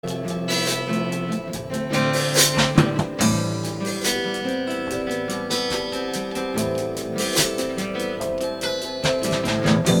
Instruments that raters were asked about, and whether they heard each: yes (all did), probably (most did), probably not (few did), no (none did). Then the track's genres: ukulele: no
mandolin: probably not
Pop; Soundtrack; Psych-Folk; Experimental Pop